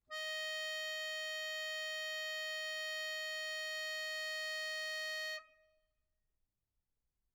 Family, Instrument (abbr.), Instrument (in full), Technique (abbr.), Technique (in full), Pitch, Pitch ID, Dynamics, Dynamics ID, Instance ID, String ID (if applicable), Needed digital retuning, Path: Keyboards, Acc, Accordion, ord, ordinario, D#5, 75, mf, 2, 1, , FALSE, Keyboards/Accordion/ordinario/Acc-ord-D#5-mf-alt1-N.wav